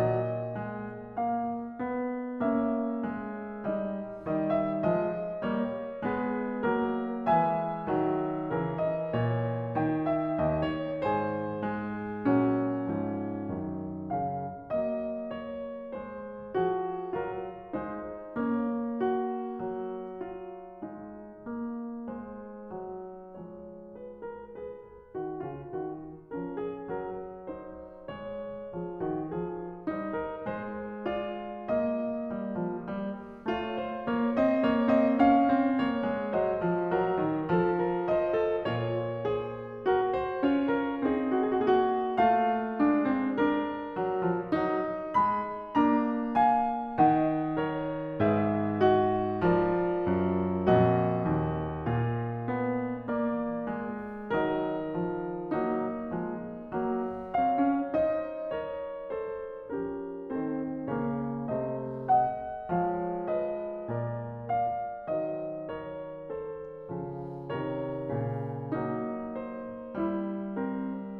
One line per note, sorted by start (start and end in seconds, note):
0.00 1.17 A#2
0.00 0.62 F#3
0.00 2.44 D#5
0.62 1.17 G#3
1.17 1.70 A#3
1.17 2.44 F5
1.70 2.44 B3
2.44 3.04 A#3
2.44 3.74 C#4
2.44 4.25 C#5
2.44 3.74 E5
3.04 3.74 G#3
3.74 4.25 G3
3.74 4.25 D#4
3.74 7.30 D#5
4.25 4.84 D#3
4.25 4.84 G3
4.25 4.53 D#5
4.53 4.84 E5
4.84 5.35 F3
4.84 5.35 G#3
4.84 5.35 D#5
5.35 6.06 G3
5.35 6.06 A#3
5.35 6.06 C#5
6.06 6.59 G#3
6.06 6.59 B3
6.06 6.59 G#4
6.06 7.30 B4
6.59 7.30 F#3
6.59 7.30 A#3
6.59 7.30 A#4
7.30 8.06 E3
7.30 8.06 G#3
7.30 8.54 B4
7.30 8.80 E5
7.30 9.74 G#5
8.06 8.54 D#3
8.06 8.54 F#3
8.54 9.14 C#3
8.54 9.74 E3
8.54 11.04 A#4
8.80 9.14 D#5
9.14 9.74 A#2
9.14 10.11 C#5
9.74 11.64 D#3
9.74 11.04 G5
10.11 10.54 E5
10.54 11.04 D#2
10.54 10.77 D#5
10.77 11.04 C#5
11.04 12.21 G#2
11.04 12.21 G#4
11.04 12.21 C5
11.04 12.21 G#5
11.64 12.21 G#3
12.21 13.00 A#2
12.21 13.00 F#3
12.21 13.56 C#4
13.00 13.56 G#2
13.00 13.56 F3
13.56 14.72 F#2
13.56 14.14 D#3
14.14 14.72 C#3
14.14 14.72 F5
14.72 16.57 F#3
14.72 15.96 A#3
14.72 15.43 D#5
15.43 15.96 C#5
15.96 16.57 G#3
15.96 16.57 C5
16.57 17.18 F3
16.57 17.18 F#4
16.57 17.18 G#4
17.18 17.80 F#3
17.18 17.80 F4
17.18 17.80 A#4
17.80 18.32 G#3
17.80 18.32 D#4
17.80 18.32 C5
18.32 19.62 A#3
18.32 18.89 C#4
18.32 22.20 C#5
18.89 20.18 F#4
19.62 20.86 F#3
20.18 20.86 F4
20.86 21.46 G#3
20.86 23.49 D#4
21.46 22.20 A#3
22.20 22.73 G#3
22.20 23.49 C5
22.73 23.49 F#3
23.49 25.16 F3
23.49 24.62 G#3
23.49 23.99 C#5
23.99 24.23 B4
24.23 24.62 A#4
24.62 25.16 G#4
24.62 26.28 C5
25.16 25.40 D#3
25.16 25.40 F#4
25.40 25.76 C#3
25.40 25.76 F4
25.76 26.28 D#3
25.76 26.28 F#4
26.28 26.91 F3
26.28 27.49 C#4
26.28 26.56 A#4
26.56 26.91 G#4
26.91 28.67 F#3
26.91 27.49 A#4
27.49 28.10 D#4
27.49 28.10 C5
28.10 28.67 G#3
28.10 29.87 C#5
28.67 28.97 F3
28.67 28.97 G#4
28.97 29.29 D#3
28.97 29.29 F#4
29.29 29.87 F3
29.29 29.87 G#4
29.87 30.50 G3
29.87 31.08 D#4
29.87 30.19 C5
30.19 30.50 A#4
30.50 32.29 G#3
30.50 31.08 C5
31.08 31.74 F4
31.08 31.74 D5
31.74 33.47 A#3
31.74 33.47 D#5
32.29 32.65 G3
32.65 32.90 F3
32.90 33.47 G3
33.47 34.10 A3
33.47 34.68 F4
33.47 33.84 C#5
33.84 34.10 C5
34.10 34.42 A#3
34.10 34.42 C#5
34.42 34.68 C4
34.42 34.68 D#5
34.68 35.24 A#3
34.68 34.97 C#5
34.97 35.24 C4
34.97 35.24 D#5
35.24 35.58 C#4
35.24 36.39 F5
35.58 35.82 C4
35.82 36.07 A#3
35.82 36.39 C#5
36.07 36.39 G#3
36.39 36.62 F#3
36.39 36.95 C5
36.39 38.14 D#5
36.62 36.95 F3
36.95 37.22 F#3
36.95 37.51 A#4
37.22 37.51 D#3
37.51 38.66 F3
37.51 37.84 A4
37.84 38.14 A#4
38.14 38.37 C5
38.14 38.66 D#5
38.37 38.66 A4
38.66 39.88 A#2
38.66 39.28 F4
38.66 39.28 C#5
39.28 39.88 G#4
39.28 39.88 C5
39.88 40.43 F#4
39.88 40.16 A#4
40.16 40.43 C5
40.43 41.03 C#4
40.43 41.03 F4
40.43 40.67 C#5
40.67 41.03 A#4
41.03 41.62 C4
41.03 42.79 D#4
41.03 41.08 G#4
41.08 41.17 F#4
41.17 41.23 G#4
41.23 41.29 F#4
41.29 41.34 G#4
41.34 41.41 F#4
41.41 41.53 G#4
41.53 41.62 F#4
41.62 42.18 A#3
41.62 41.70 G#4
41.70 41.78 F#4
41.78 41.84 G#4
41.84 41.96 F#4
41.96 42.00 G#4
42.00 42.06 F#4
42.06 42.12 G#4
42.12 42.18 F#4
42.18 42.79 A3
42.18 43.37 F4
42.18 43.37 F5
42.79 43.99 G#3
42.79 43.12 D4
43.12 43.37 C4
43.37 44.50 D4
43.37 44.50 A#4
43.99 44.26 F#3
44.26 44.50 F3
44.50 45.21 F#3
44.50 45.73 D#4
45.21 45.73 G#3
45.21 45.73 B5
45.73 46.99 A#3
45.73 46.99 D4
45.73 46.34 A#5
46.34 46.99 F5
46.34 46.99 G#5
46.99 48.23 D#3
46.99 47.69 D#4
46.99 47.69 D#5
46.99 48.23 F#5
47.69 48.23 A#4
47.69 48.23 C#5
48.23 50.03 G#2
48.23 48.82 G#4
48.23 49.39 B4
48.23 48.82 F5
48.82 49.39 F#4
48.82 49.39 D#5
49.39 50.67 F3
49.39 50.67 F4
49.39 54.31 A#4
49.39 50.67 D5
50.03 50.67 F#2
50.67 51.43 F2
50.67 52.01 A#2
50.67 52.01 F#4
50.67 53.14 D#5
51.43 52.01 D#2
52.01 54.31 A#2
52.01 54.31 F4
52.57 53.14 B3
53.14 53.67 A#3
53.14 54.31 D5
53.67 54.31 G#3
54.31 56.10 D#3
54.31 54.94 F#3
54.31 55.58 D#4
54.31 55.58 A#4
54.31 55.58 D#5
54.94 55.58 F3
55.58 56.10 F#3
55.58 56.78 A#3
55.58 56.78 D#4
56.10 56.78 F3
56.10 56.78 G#3
56.78 59.79 F#3
56.78 57.39 A#3
57.39 57.64 C4
57.39 57.97 C#5
57.39 57.97 F5
57.64 57.97 C#4
57.97 59.79 D#4
57.97 58.53 C5
57.97 58.53 D#5
58.53 59.14 A#4
58.53 59.14 C#5
59.14 59.79 A4
59.14 59.79 C5
59.79 60.34 F3
59.79 60.34 C#4
59.79 60.34 G4
59.79 60.34 A#4
60.34 60.87 D#3
60.34 60.87 C4
60.34 60.87 A4
60.34 60.87 C5
60.87 61.47 C#3
60.87 61.47 A#3
60.87 61.47 A#4
60.87 61.47 C#5
61.47 62.73 C3
61.47 62.73 A3
61.47 62.07 C5
61.47 62.07 D#5
62.07 62.73 D#5
62.07 62.73 F#5
62.73 63.97 F3
62.73 65.18 G#3
62.73 63.33 C#5
62.73 63.33 F5
63.33 63.97 B4
63.33 63.97 D#5
63.97 65.18 A#2
63.97 64.53 A#4
63.97 64.53 D5
64.53 65.18 D5
64.53 65.18 F5
65.18 66.92 D#3
65.18 66.92 F#3
65.18 65.77 C5
65.18 65.77 D#5
65.77 66.30 A#4
65.77 66.30 C#5
66.30 67.52 A4
66.30 67.52 C5
66.92 67.52 C#3
66.92 67.52 F3
67.52 68.08 C3
67.52 68.08 D#3
67.52 68.82 A#4
67.52 69.38 C#5
68.08 68.82 A#2
68.08 68.82 C#3
68.82 70.05 F#3
68.82 70.61 A#3
68.82 70.05 D#4
69.38 70.61 C5
70.05 71.19 G3
70.05 71.19 E4
70.61 71.19 C4
70.61 71.19 A#4